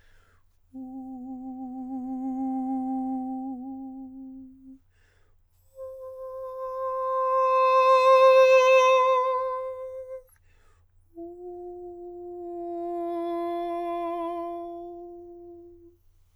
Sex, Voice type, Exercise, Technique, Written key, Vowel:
male, countertenor, long tones, messa di voce, , u